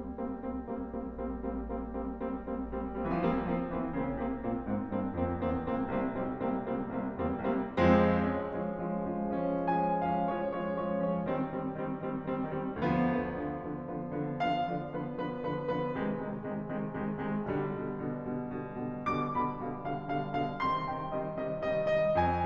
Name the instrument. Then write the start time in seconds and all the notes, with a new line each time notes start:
piano
0.00 G3 A#3 C4
0.38 G3 A#3 C4
0.68 G3 A#3 C4
0.92 G3 A#3 C4
1.14 G3 A#3 C4
1.39 G3 A#3 C4
1.70 G3 A#3 C4
1.94 G3 A#3 C4
2.23 G3 A#3 C4
2.45 G3 A#3 C4
2.75 G3 A#3 C4
2.96 G3 A#3 C4
3.20 E3 F3 A#3 C4
3.30 G3
3.40 F3 A#3 C4
3.63 E3 A#3 C4
3.95 C#3 A#3 C4
4.19 C3 A#3 C4
4.46 A#2 A#3 C4
4.68 G#2 A#3 C4
4.91 G2 A#3 C4
5.20 F2 A#3 C4
5.45 E2 A#3 C4
5.67 C#2 A#3 C4
5.98 C2 A#3 C4
6.23 B1 G3 A#3 C4
6.55 C2 G3 A#3 C4
6.78 C#2 G3 A#3 C4
7.00 C2 G3 A#3 C4
7.20 E2 G3 A#3 C4
7.44 C2 G3 A#3 C4
7.87 F2 F3 G#3 C4
8.27 F3 G#3 C#4
8.53 F3 G#3 C#4
8.82 F3 G#3 C#4
9.13 F3 G#3 C#4
9.40 F3 G#3 C#4
9.74 F3 G#3 C#4 G#5
10.03 F3 G#3 C#4 F5
10.29 F3 G#3 C#4 C#5
10.53 F3 G#3 C#4 C#5
10.77 F3 G#3 C#4 C#5
11.01 F3 G#3 C#4 C#5
11.26 D#3 G3 C4
11.51 D#3 G3 C4
11.81 D#3 G3 C4
12.11 D#3 G3 C4
12.33 D#3 G3 C4
12.53 D#3 G3 C4
12.77 D2 D3 F3 B3
12.98 D3 F3 B3
13.20 D3 F3 B3
13.48 D3 F3 B3
13.75 D3 F3 B3
14.12 D3 F3 B3
14.33 D3 F3 B3 F5
14.66 D3 F3 B3 D5
14.93 D3 F3 B3 B4
15.26 D3 F3 B3 B4
15.50 D3 F3 B3 B4
15.74 D3 F3 B3 B4
15.98 C3 D#3 G#3
16.30 C3 D#3 G#3
16.52 C3 D#3 G#3
16.73 C3 D#3 G#3
17.00 C3 D#3 G#3
17.19 C3 D#3 G#3
17.44 B1 B2 D3 G3
17.74 B2 D3 G3
18.00 B2 D3 G3
18.25 B2 D3 G3
18.54 B2 D3 G3
18.89 B2 D3 G3
19.12 B2 D3 G3 D6
19.35 B2 D3 G3 B5
19.68 B2 D3 G3 F5
19.95 B2 D3 G3 F5
20.15 B2 D3 G3 F5
20.38 B2 D3 G3 F5
20.63 C3 D#3 G3 C6
20.89 C3 D#3 G3 G5
21.19 C3 D#3 G3 D#5
21.46 C3 D#3 G3 D#5
21.68 C3 D#3 G3 D#5
21.93 C3 D#3 G3 D#5
22.15 F2 G#5